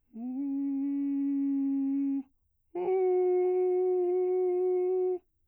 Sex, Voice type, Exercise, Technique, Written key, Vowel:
male, bass, long tones, inhaled singing, , u